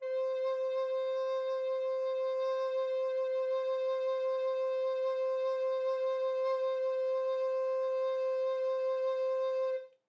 <region> pitch_keycenter=72 lokey=72 hikey=73 tune=-1 volume=17.459752 offset=278 ampeg_attack=0.004000 ampeg_release=0.300000 sample=Aerophones/Edge-blown Aerophones/Baroque Alto Recorder/SusVib/AltRecorder_SusVib_C4_rr1_Main.wav